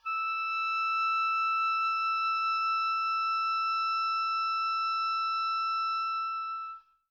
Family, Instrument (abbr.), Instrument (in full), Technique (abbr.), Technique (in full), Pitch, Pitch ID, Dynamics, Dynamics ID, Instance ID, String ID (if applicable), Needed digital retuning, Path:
Winds, Ob, Oboe, ord, ordinario, E6, 88, mf, 2, 0, , TRUE, Winds/Oboe/ordinario/Ob-ord-E6-mf-N-T22u.wav